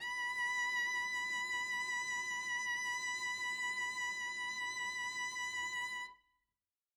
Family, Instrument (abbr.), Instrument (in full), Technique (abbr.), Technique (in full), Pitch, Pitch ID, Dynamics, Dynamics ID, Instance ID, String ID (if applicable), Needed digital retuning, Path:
Strings, Vc, Cello, ord, ordinario, B5, 83, mf, 2, 0, 1, FALSE, Strings/Violoncello/ordinario/Vc-ord-B5-mf-1c-N.wav